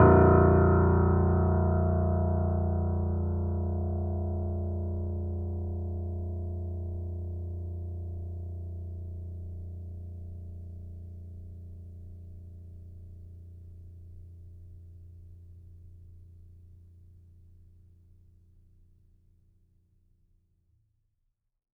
<region> pitch_keycenter=22 lokey=21 hikey=23 volume=-0.796795 lovel=66 hivel=99 locc64=0 hicc64=64 ampeg_attack=0.004000 ampeg_release=0.400000 sample=Chordophones/Zithers/Grand Piano, Steinway B/NoSus/Piano_NoSus_Close_A#0_vl3_rr1.wav